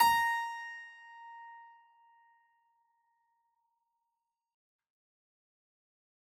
<region> pitch_keycenter=82 lokey=82 hikey=82 volume=-0.732647 trigger=attack ampeg_attack=0.004000 ampeg_release=0.400000 amp_veltrack=0 sample=Chordophones/Zithers/Harpsichord, Unk/Sustains/Harpsi4_Sus_Main_A#4_rr1.wav